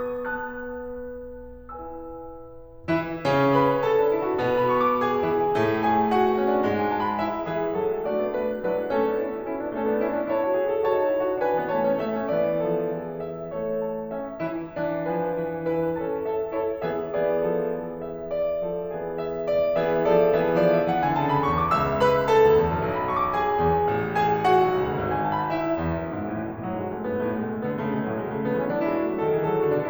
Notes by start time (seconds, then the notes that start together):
0.00 B3 B4 A5 F#6
1.78 E4 B4 G#5 E6
2.90 E3 E4
3.22 C#3 C#4
3.56 B4 B5
3.88 A4 A5
4.02 D4
4.16 E4
4.28 F#4
4.41 B2 B3
4.59 B5
4.79 C#6
4.91 D6
5.02 G#4 G#5
5.22 E3 E4
5.51 A2 A3
5.86 G#4 G#5
6.15 F#4 F#5
6.25 B3
6.36 C#4
6.49 D4
6.65 G#2 G#3
6.78 G#5
6.88 A5
7.01 B5
7.17 E4 E5
7.45 E3 G#4 E5
7.74 F#3
7.91 G#3
8.03 A3 D4 F#4 D5
8.15 B3
8.31 A3 B4
8.46 G#3
8.63 F#3 D4 E4 B4
8.86 G#3
8.96 A3 C#4 A4
9.14 B3 D4
9.22 C#4 E4 A4
9.36 D4 F#4
9.46 C#4 E4
9.64 B3 D4
9.76 A3 C#4 A4
9.90 B3 D4
10.02 C#4 E4
10.16 D4
10.32 E4 C#5 A5
10.43 F#4
10.55 G#4
10.72 A4
10.87 F#4 C#5 A5
11.04 D#4
11.15 E4
11.27 F#4
11.42 E3 D4 B4 G#5
11.62 B3
11.74 A3 C#5 A5
11.88 C#4
12.03 A3 E5
12.25 C#4
12.40 E3 B3 D5
12.69 F3 A4
12.93 E3 G#4
13.28 E5
13.54 A3 A4 C#5
13.87 A5
14.14 C#4 E5
14.42 E3 E4
14.78 E3 D4
15.08 F3 B4 G#5
15.31 E3
15.67 E4 B4 G#5
15.98 C#4 A4 A5
16.24 A4 C#5 E5
16.51 E4 A4 C#5
16.82 E3 B3 G#4 E5
17.10 E3 B3 G#4 D5
17.46 F3 A4
18.03 E5
18.27 E3 B3 G#4 D5
18.61 F3 A4
18.84 E3 G#4
19.17 E5
19.45 D5
19.75 E3 B3 G#4 E5
20.05 F3 A4 D5
20.36 E3 B3 G#4 E5
20.62 F3 D5
20.76 E5
20.90 E3 F#5
21.05 D3 G#5
21.21 C#3 A5
21.33 B5
21.46 E2 C#6
21.58 D6
21.77 C#2 E5 E6
22.01 B4 B5
22.28 A4 A5
22.45 D2
22.58 E2
22.71 F#2
22.81 B1
22.98 B5
23.10 C#6
23.22 D6
23.36 G#4 G#5
23.63 E2
23.87 A1
24.13 G#4 G#5
24.44 F#4 F#5
24.62 B1
24.73 C#2
24.88 D2
25.04 G#1
25.14 G#5
25.25 A5
25.37 B5
25.50 E4 E5
25.75 E2
25.97 F#2
26.16 G#2
26.42 A2 E3
26.55 B2
26.66 A2 F#3
26.77 G#2 G#3
26.89 F#2 A3
27.02 G#2 B3
27.26 A2 A3
27.39 B2 G#3
27.52 C#3 A3
27.63 D3 B3
27.82 C#3 A3
27.95 B2 G#3
28.05 A2 F#3
28.17 B2 G#3
28.29 C#3 A3
28.43 D3 B3
28.55 E3 C#4
28.72 F#3 D4
28.93 G#3 E4
29.07 A3 F#4
29.22 F#3 G#4
29.33 D#3 A4
29.45 E3 G#4
29.55 F#3 A4
29.65 D3 F#4
29.77 B2 D4